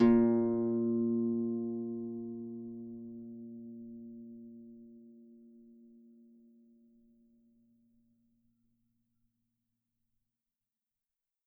<region> pitch_keycenter=46 lokey=46 hikey=47 tune=-5 volume=7.945127 xfin_lovel=70 xfin_hivel=100 ampeg_attack=0.004000 ampeg_release=30.000000 sample=Chordophones/Composite Chordophones/Folk Harp/Harp_Normal_A#1_v3_RR1.wav